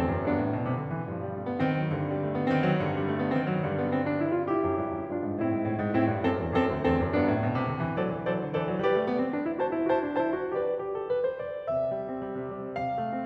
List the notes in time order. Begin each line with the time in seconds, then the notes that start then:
0.01 E2 C4 A4
0.13 F#2
0.25 G2 B3 D4
0.39 A2
0.53 B2
0.66 C3
0.80 D3
0.92 E3
1.10 G2 F3
1.24 G3
1.34 A3
1.46 B3
1.61 D#3 C4
1.76 F#3
1.91 G2 D3
2.04 G3
2.22 A3
2.35 B3
2.51 D#3 C4
2.65 F#3
2.80 G2 D3
2.98 G3
3.09 A3
3.21 B3
3.36 D#3 C4
3.48 F#3
3.63 G2 D3 G3
3.74 B3
3.85 C4
3.96 D4
4.13 E4
4.27 F4
4.46 E4 G4
4.64 F#2
4.79 G2
4.92 F#2
5.08 G2 D4 F4
5.22 G#2
5.38 A2 C4 E4
5.51 G#2
5.64 A2
5.78 G#2
5.94 A2 C4 E4
6.09 G2
6.23 F#2 C4 A4
6.45 E2
6.66 F#2 C4 A4
6.80 D2
6.91 E2 C4 A4
7.04 F#2
7.17 G2 B3 D4
7.29 A2
7.44 B2
7.59 C3
7.70 D3
7.83 E3
8.04 F#3 A4 C5 D5
8.16 E3
8.27 F#3 A4 C5 D5
8.39 D3
8.49 E3 A4 C5 D5
8.68 F#3
8.83 G3 G4 B4 D5
8.98 A3
9.08 B3
9.20 C4
9.33 D4
9.47 E4
9.61 F#4 C5 A5
9.72 E4
9.87 F#4 C5 A5
10.03 D4
10.18 E4 C5 A5
10.30 F#4
10.59 G4 B4 D5
10.81 G4
10.99 A4
11.12 B4
11.23 C5
11.44 D5
11.73 C3 E5
11.92 G3
12.06 C4
12.23 G3
12.36 C3
12.50 G3
12.71 C3 F5
12.85 A3
12.96 C4
13.10 A3